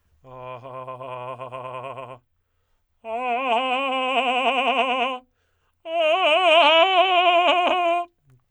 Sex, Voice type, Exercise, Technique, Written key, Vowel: male, tenor, long tones, trillo (goat tone), , a